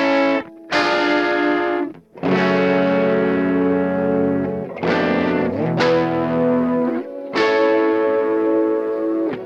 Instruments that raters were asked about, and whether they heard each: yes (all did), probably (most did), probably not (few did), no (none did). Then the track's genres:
trumpet: no
cello: no
trombone: no
Experimental